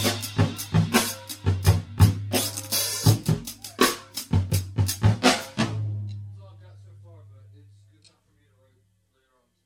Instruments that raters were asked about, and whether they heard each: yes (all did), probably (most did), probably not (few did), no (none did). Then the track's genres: cymbals: yes
Loud-Rock; Experimental Pop